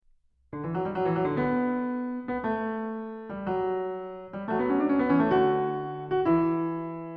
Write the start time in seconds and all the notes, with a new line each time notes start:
0.51 D3
0.65 E3
0.71 F#3
0.82 G3
0.94 F#3
1.06 E3
1.14 F#3
1.23 D3
1.39 B3
1.49 A3
1.58 B3
2.14 B3
2.43 A3
2.54 B3
2.61 A3
3.30 G3
3.56 F#3
4.27 G3
4.48 F#3 A3
4.61 B3
4.70 C#4
4.82 D4
4.88 C#4
4.97 B3
5.07 E3 C#4
5.19 A3
5.30 D3 F#4
5.39 E4
5.46 F#4
6.08 F#4
6.33 E3 E4
6.43 F#4
6.51 E4